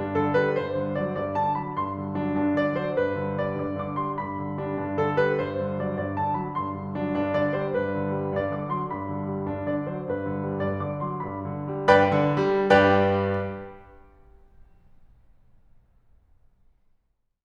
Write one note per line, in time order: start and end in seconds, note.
0.00 0.15 G2
0.00 0.15 D4
0.15 0.37 D3
0.15 0.37 A4
0.37 0.57 G3
0.37 0.57 B4
0.57 0.80 G2
0.57 0.99 C5
0.80 0.99 D3
1.00 1.18 F#3
1.00 1.18 D5
1.20 1.38 G2
1.20 1.38 D5
1.38 1.58 D3
1.38 1.58 A5
1.58 1.80 F#3
1.58 1.80 B5
1.80 2.02 G2
1.80 2.23 C6
2.03 2.23 D3
2.24 2.37 F#3
2.24 2.37 D4
2.37 2.53 G2
2.37 2.53 D4
2.53 2.74 D3
2.53 2.74 D5
2.74 2.94 F#3
2.74 2.94 C5
2.94 3.13 G2
2.94 3.34 B4
3.15 3.34 D3
3.36 3.53 G3
3.36 3.53 D5
3.53 3.76 G2
3.53 3.76 D5
3.76 3.95 D3
3.76 3.95 D6
3.95 4.16 F#3
3.95 4.16 C6
4.18 4.34 G2
4.18 4.55 B5
4.35 4.55 D3
4.55 4.76 G3
4.55 4.76 D4
4.76 4.95 G2
4.76 4.95 D4
4.95 5.13 D3
4.95 5.13 A4
5.13 5.39 G3
5.13 5.39 B4
5.40 5.58 G2
5.40 5.85 C5
5.62 5.85 D3
5.85 6.03 F#3
5.85 6.03 D5
6.03 6.20 G2
6.03 6.20 D5
6.20 6.40 D3
6.20 6.40 A5
6.40 6.58 F#3
6.40 6.58 B5
6.59 6.76 G2
6.59 6.95 C6
6.77 6.95 D3
6.95 7.11 F#3
6.95 7.11 D4
7.11 7.31 G2
7.11 7.31 D4
7.31 7.51 D3
7.31 7.51 D5
7.57 7.77 F#3
7.57 7.77 C5
7.78 8.00 G2
7.78 8.20 B4
8.00 8.20 D3
8.20 8.41 G3
8.41 8.61 G2
8.41 8.61 D5
8.61 8.77 D3
8.61 8.77 D6
8.78 8.95 F#3
8.78 8.95 C6
8.96 9.14 G2
8.96 9.32 B5
9.14 9.32 D3
9.32 9.50 G3
9.50 9.68 G2
9.50 9.68 D4
9.69 9.91 D3
9.69 9.91 D5
9.93 10.12 F#3
9.93 10.12 C5
10.12 10.30 G2
10.12 10.48 B4
10.30 10.48 D3
10.48 10.72 G3
10.72 10.86 G2
10.72 10.86 D5
10.87 11.03 D3
10.87 11.03 D6
11.04 11.25 F#3
11.04 11.25 C6
11.25 11.45 G2
11.25 11.68 B5
11.46 11.68 D3
11.68 11.89 G3
11.89 12.10 G2
11.89 12.39 B4
11.89 12.39 D5
11.89 12.39 G5
11.89 12.39 B5
12.10 12.39 D3
12.40 12.81 G3
12.82 15.93 G2
12.82 15.93 G4
12.82 15.93 B4
12.82 15.93 D5
12.82 15.93 G5